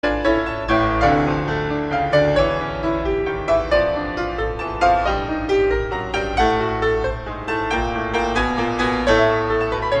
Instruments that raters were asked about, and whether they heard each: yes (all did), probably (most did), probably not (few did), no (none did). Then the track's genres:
piano: yes
Classical